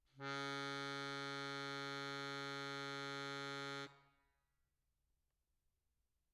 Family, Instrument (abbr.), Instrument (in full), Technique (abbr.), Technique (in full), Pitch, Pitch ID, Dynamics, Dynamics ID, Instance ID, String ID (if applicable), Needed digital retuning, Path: Keyboards, Acc, Accordion, ord, ordinario, C#3, 49, mf, 2, 2, , FALSE, Keyboards/Accordion/ordinario/Acc-ord-C#3-mf-alt2-N.wav